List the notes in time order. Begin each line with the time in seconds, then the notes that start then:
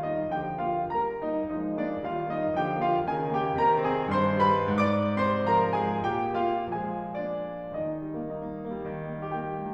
0.00 A#3 D#4 D#5
0.31 D3 F3 G4 G5
0.60 A#3 F4 F5
0.91 G3 A#4 A#5
1.20 A#3 D#4 D#5
1.50 F3 G#3 D#4 D#5
1.76 A#3 D4 D5
2.00 D#3 G3 F4 F5
2.24 A#3 D#4 D#5
2.51 D3 F3 G4 G5
2.80 A#3 F4 F5
3.10 C#3 D#3 G#4 G#5
3.39 A#3 G4 G5
3.59 C3 D#3 A#4 A#5
3.85 C4 G#4 G#5
4.11 G2 D#3 C5 C6
4.34 G3 B4 B5
4.64 G#2 D5 D6
5.19 C3 C5 C6
5.49 F3 A#4 A#5
5.80 G#3 G#4 G#5
6.10 A#2 G4 G5
6.54 F3 G#3 F4 F5
6.91 A#3 G#4 G#5
7.19 F3 G#3 D4 D5
7.67 D#3 D#4 D#5
7.79 G3
7.96 A#3
8.08 D#4
8.20 A#3
8.32 D#4
8.44 A#3
8.56 G3
8.73 D#3
8.87 G3
8.97 A#3
9.10 D#4
9.22 A#3 G4
9.32 D#4 G5
9.45 A#3
9.60 G3